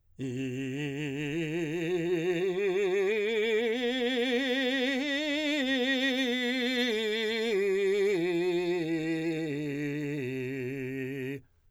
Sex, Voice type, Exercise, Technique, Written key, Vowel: male, , scales, vibrato, , i